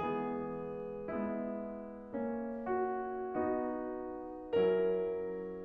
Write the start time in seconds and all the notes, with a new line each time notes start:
0.00 E3 G#3 B3 G#4
1.10 G#3 B3 E4
2.15 A#3 C#4
2.77 F#4
3.39 B3 D#4 F#4
4.54 F#3 C#4 E4 A#4